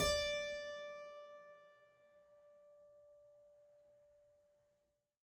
<region> pitch_keycenter=74 lokey=74 hikey=75 volume=1.906753 trigger=attack ampeg_attack=0.004000 ampeg_release=0.400000 amp_veltrack=0 sample=Chordophones/Zithers/Harpsichord, French/Sustains/Harpsi2_Normal_D4_rr1_Main.wav